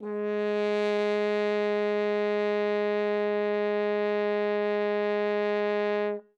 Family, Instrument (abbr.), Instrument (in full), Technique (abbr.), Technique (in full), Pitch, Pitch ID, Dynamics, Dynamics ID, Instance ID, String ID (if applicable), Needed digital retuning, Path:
Brass, Hn, French Horn, ord, ordinario, G#3, 56, ff, 4, 0, , FALSE, Brass/Horn/ordinario/Hn-ord-G#3-ff-N-N.wav